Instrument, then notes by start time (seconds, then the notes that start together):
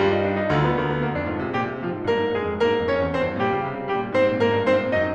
piano
0.01 G2 G3 F4
0.15 D#4
0.25 D4
0.39 D#4
0.53 D2 D3 F4
0.64 B3
0.77 D2 A#3
0.88 B3
0.97 A#3
1.10 F2 D4
1.28 G#2 F4
1.41 C3 G#4
1.54 A#2 G4
1.70 C3
1.84 A#2 F3 F4
1.97 G#2
2.06 G2 A#3 A#4
2.18 G#2
2.36 G2 G#3 G#4
2.49 F2
2.61 G2 A#3 A#4
2.72 G#2
2.86 G2 C#4 C#5
3.00 F2
3.12 E2 C4 C5
3.22 G2
3.37 A#2 G3 G4
3.51 C#3
3.63 C3
3.76 C#3
3.92 C3 G3 G4
4.01 A#2
4.12 G#2 C4 C5
4.26 A#2
4.37 G#2 A#3 A#4
4.51 G2
4.67 G#2 C4 C5
4.79 A#2
4.92 G#2 D#4 D#5
5.04 F#2